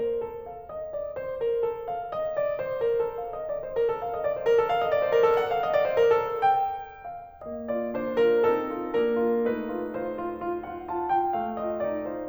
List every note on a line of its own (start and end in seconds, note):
0.01 0.24 A#4
0.25 0.51 A4
0.52 0.68 F5
0.69 0.92 D#5
0.92 1.11 D5
1.12 1.40 C5
1.40 1.60 A#4
1.61 1.88 A4
1.89 2.10 F5
2.13 2.34 D#5
2.35 2.57 D5
2.57 2.79 C5
2.80 3.05 A#4
2.97 3.26 A4
3.20 3.38 F5
3.33 3.52 D#5
3.48 3.66 D5
3.59 3.80 C5
3.74 4.01 A#4
3.87 4.10 A4
4.02 4.24 F5
4.14 4.36 D#5
4.24 4.48 D5
4.36 4.58 C5
4.49 4.68 A#4
4.59 4.79 A4
4.68 4.89 F5
4.80 4.99 D#5
4.91 5.10 D5
5.00 5.22 C5
5.10 5.38 A#4
5.24 5.52 A4
5.39 5.64 F#5
5.65 5.82 D#5
5.72 5.92 D5
5.80 6.23 C5
5.89 6.31 A#4
5.98 6.40 A4
6.28 6.48 G5
6.48 7.44 F5
7.45 7.90 A#3
7.45 7.69 D#5
7.69 7.90 F4
7.69 7.90 D5
7.91 8.46 D4
7.91 8.16 C5
8.28 8.46 F4
8.28 8.46 A#4
8.53 8.93 C4
8.53 8.93 A4
8.74 8.93 F4
8.93 9.39 A#3
8.93 9.39 A#4
9.19 9.39 F4
9.39 11.37 A3
9.39 11.37 D#4
9.39 9.98 B4
9.71 9.98 F4
9.98 10.18 F4
9.98 10.68 C5
10.19 10.42 F4
10.45 10.68 F4
10.69 10.85 F4
10.69 10.85 F#5
10.86 11.07 F4
10.86 11.07 A5
11.07 11.37 F4
11.07 11.37 G5
11.38 11.79 A3
11.58 11.79 F4
11.58 11.79 D#5
11.80 12.28 D#4
11.80 12.02 D5
12.03 12.28 F4
12.03 12.28 C5